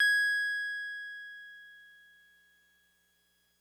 <region> pitch_keycenter=92 lokey=91 hikey=94 volume=11.898832 lovel=66 hivel=99 ampeg_attack=0.004000 ampeg_release=0.100000 sample=Electrophones/TX81Z/Piano 1/Piano 1_G#5_vl2.wav